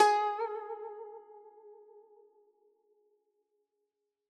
<region> pitch_keycenter=68 lokey=68 hikey=69 volume=7.202122 lovel=84 hivel=127 ampeg_attack=0.004000 ampeg_release=0.300000 sample=Chordophones/Zithers/Dan Tranh/Vibrato/G#3_vib_ff_1.wav